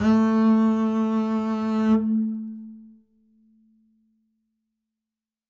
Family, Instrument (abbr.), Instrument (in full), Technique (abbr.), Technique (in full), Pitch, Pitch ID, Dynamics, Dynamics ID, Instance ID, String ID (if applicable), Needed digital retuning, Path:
Strings, Cb, Contrabass, ord, ordinario, A3, 57, ff, 4, 1, 2, FALSE, Strings/Contrabass/ordinario/Cb-ord-A3-ff-2c-N.wav